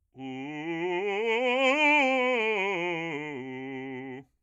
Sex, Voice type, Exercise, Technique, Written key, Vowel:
male, bass, scales, fast/articulated forte, C major, u